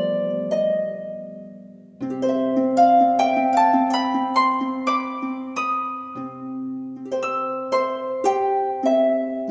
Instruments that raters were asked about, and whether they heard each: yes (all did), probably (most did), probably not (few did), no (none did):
ukulele: probably not
mandolin: probably